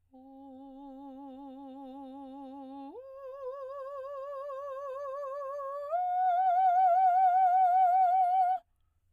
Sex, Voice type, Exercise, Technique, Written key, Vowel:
female, soprano, long tones, full voice pianissimo, , o